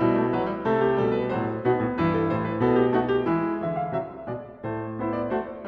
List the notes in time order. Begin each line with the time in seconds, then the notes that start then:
0.00 B2 G3 E4
0.17 A3
0.34 F#3 B4
0.49 G3
0.65 C3 A3 A4
0.81 G4
0.99 B2 G3 A4
1.15 B4
1.29 A2 F#3 C5
1.61 B2 B3 D#4 F#4
1.76 A2
1.95 G2 E3 E4 B4
2.10 A4
2.29 A2 C5
2.46 B4
2.64 B2 B3 A4
2.80 G4
2.98 A3 D#4 F#4
3.10 G4
3.26 E3 G#3 E4
3.59 D3 E3 E5
3.76 F5
3.90 C3 F#3 E5
4.26 B2 G#3 D5
4.64 A2 A3 C5
5.03 B3 E4 C5
5.17 D5
5.38 A3 F#4 C5